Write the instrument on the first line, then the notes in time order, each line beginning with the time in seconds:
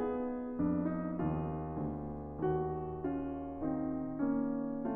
piano
0.00 B3 D#4 G#4
0.56 F2 D4
0.94 D#4
1.21 D#2 F4
1.79 D2
2.48 D#2 A#3 F#4
3.12 C#4 F4
3.66 D#3 C4 D#4
4.21 A#3 C#4